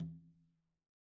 <region> pitch_keycenter=61 lokey=61 hikey=61 volume=30.735752 lovel=0 hivel=65 seq_position=1 seq_length=2 ampeg_attack=0.004000 ampeg_release=15.000000 sample=Membranophones/Struck Membranophones/Conga/Conga_HitN_v1_rr1_Sum.wav